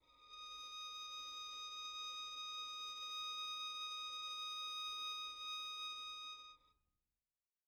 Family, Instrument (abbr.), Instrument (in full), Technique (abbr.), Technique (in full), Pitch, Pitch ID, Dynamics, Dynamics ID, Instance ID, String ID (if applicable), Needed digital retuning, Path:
Strings, Vn, Violin, ord, ordinario, D#6, 87, pp, 0, 0, 1, FALSE, Strings/Violin/ordinario/Vn-ord-D#6-pp-1c-N.wav